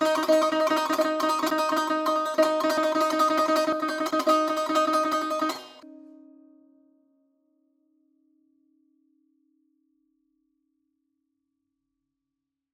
<region> pitch_keycenter=63 lokey=63 hikey=64 volume=5.546869 offset=173 ampeg_attack=0.004000 ampeg_release=0.300000 sample=Chordophones/Zithers/Dan Tranh/Tremolo/D#3_Trem_1.wav